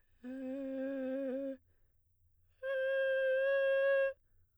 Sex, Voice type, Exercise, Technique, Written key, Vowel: female, soprano, long tones, inhaled singing, , e